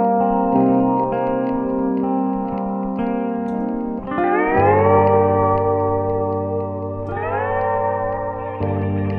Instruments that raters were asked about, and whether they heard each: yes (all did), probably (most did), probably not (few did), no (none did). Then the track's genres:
guitar: yes
Folk